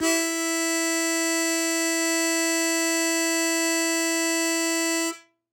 <region> pitch_keycenter=64 lokey=63 hikey=65 volume=6.490837 trigger=attack ampeg_attack=0.100000 ampeg_release=0.100000 sample=Aerophones/Free Aerophones/Harmonica-Hohner-Super64/Sustains/Accented/Hohner-Super64_Accented_E3.wav